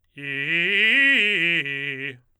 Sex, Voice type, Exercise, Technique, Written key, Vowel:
male, tenor, arpeggios, fast/articulated forte, C major, i